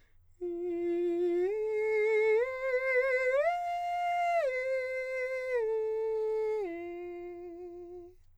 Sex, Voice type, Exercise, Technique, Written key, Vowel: male, countertenor, arpeggios, slow/legato piano, F major, i